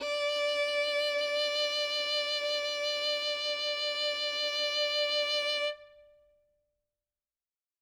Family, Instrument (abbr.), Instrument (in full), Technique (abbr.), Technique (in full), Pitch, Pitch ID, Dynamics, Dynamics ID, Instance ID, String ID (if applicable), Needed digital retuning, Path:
Strings, Vn, Violin, ord, ordinario, D5, 74, ff, 4, 2, 3, FALSE, Strings/Violin/ordinario/Vn-ord-D5-ff-3c-N.wav